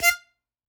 <region> pitch_keycenter=77 lokey=75 hikey=79 tune=9 volume=1.755080 seq_position=1 seq_length=2 ampeg_attack=0.004000 ampeg_release=0.300000 sample=Aerophones/Free Aerophones/Harmonica-Hohner-Special20-F/Sustains/Stac/Hohner-Special20-F_Stac_F4_rr1.wav